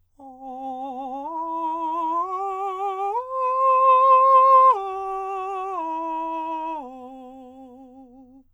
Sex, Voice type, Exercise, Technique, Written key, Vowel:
male, countertenor, arpeggios, vibrato, , o